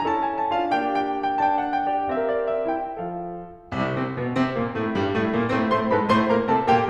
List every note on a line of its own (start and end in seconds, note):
0.01 0.52 C#4
0.01 0.52 E4
0.01 0.70 A4
0.01 0.06 A#5
0.06 0.18 A5
0.18 0.34 G#5
0.34 0.52 A5
0.53 0.70 D4
0.53 0.70 F4
0.53 0.70 F5
0.71 2.18 A#3
0.71 1.52 D4
0.71 1.52 G4
0.71 0.86 G5
0.88 1.32 G5
1.33 1.52 G5
1.53 2.00 D4
1.53 1.58 A5
1.58 1.68 G5
1.68 1.82 F#5
1.82 2.00 G5
2.01 2.18 G4
2.01 2.18 D5
2.19 2.87 C4
2.19 2.70 G4
2.19 2.87 A#4
2.19 2.25 F5
2.25 2.36 E5
2.36 2.54 D5
2.54 2.70 E5
2.71 2.87 E4
2.71 2.87 G5
2.87 3.20 F3
2.87 3.20 F4
2.87 3.20 A4
2.87 3.20 F5
3.67 3.95 C2
3.67 3.95 C3
3.96 4.17 C3
3.96 4.17 C4
4.19 4.37 B2
4.19 4.37 B3
4.38 4.57 C3
4.38 4.57 C4
4.57 4.77 A#2
4.57 4.77 A#3
4.77 4.93 A2
4.77 4.93 A3
4.93 5.13 G2
4.93 5.13 G3
5.14 5.32 A2
5.14 5.32 A3
5.33 5.50 A#2
5.33 5.50 A#3
5.51 5.71 A2
5.51 5.71 A3
5.51 5.71 C4
5.51 5.71 C5
5.72 5.90 A2
5.72 5.90 A3
5.72 5.90 C5
5.72 5.90 C6
5.90 6.09 G#2
5.90 6.09 G#3
5.90 6.09 B4
5.90 6.09 B5
6.09 6.29 A2
6.09 6.29 A3
6.09 6.29 C5
6.09 6.29 C6
6.29 6.50 A#2
6.29 6.50 A#3
6.29 6.50 A#4
6.29 6.50 A#5
6.51 6.68 C3
6.51 6.68 C4
6.51 6.68 A4
6.51 6.68 A5
6.69 6.89 A#2
6.69 6.89 A#3
6.69 6.89 G4
6.69 6.89 G5